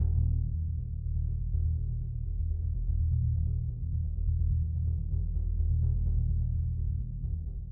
<region> pitch_keycenter=63 lokey=63 hikey=63 volume=18.674417 lovel=55 hivel=83 ampeg_attack=0.004000 ampeg_release=2.000000 sample=Membranophones/Struck Membranophones/Bass Drum 2/bassdrum_roll_mp.wav